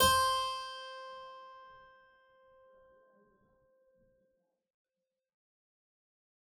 <region> pitch_keycenter=72 lokey=72 hikey=73 volume=2.014088 trigger=attack ampeg_attack=0.004000 ampeg_release=0.350000 amp_veltrack=0 sample=Chordophones/Zithers/Harpsichord, English/Sustains/Normal/ZuckermannKitHarpsi_Normal_Sus_C4_rr1.wav